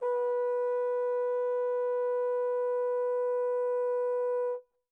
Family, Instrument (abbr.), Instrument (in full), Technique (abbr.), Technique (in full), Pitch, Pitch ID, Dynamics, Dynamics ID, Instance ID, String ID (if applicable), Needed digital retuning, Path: Brass, Tbn, Trombone, ord, ordinario, B4, 71, pp, 0, 0, , FALSE, Brass/Trombone/ordinario/Tbn-ord-B4-pp-N-N.wav